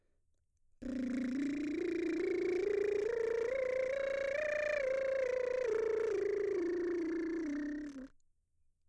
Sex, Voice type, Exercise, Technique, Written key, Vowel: female, mezzo-soprano, scales, lip trill, , i